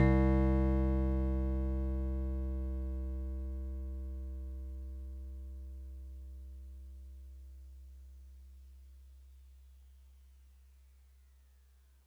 <region> pitch_keycenter=48 lokey=47 hikey=50 tune=-1 volume=11.189994 lovel=66 hivel=99 ampeg_attack=0.004000 ampeg_release=0.100000 sample=Electrophones/TX81Z/FM Piano/FMPiano_C2_vl2.wav